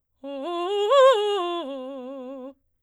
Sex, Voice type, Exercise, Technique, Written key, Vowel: female, soprano, arpeggios, fast/articulated forte, C major, o